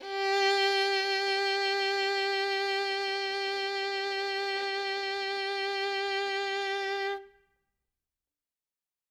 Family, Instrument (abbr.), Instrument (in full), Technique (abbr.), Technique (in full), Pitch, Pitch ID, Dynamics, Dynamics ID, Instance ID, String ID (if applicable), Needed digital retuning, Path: Strings, Vn, Violin, ord, ordinario, G4, 67, ff, 4, 3, 4, FALSE, Strings/Violin/ordinario/Vn-ord-G4-ff-4c-N.wav